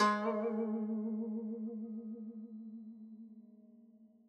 <region> pitch_keycenter=56 lokey=56 hikey=57 volume=12.022180 lovel=0 hivel=83 ampeg_attack=0.004000 ampeg_release=0.300000 sample=Chordophones/Zithers/Dan Tranh/Vibrato/G#2_vib_mf_1.wav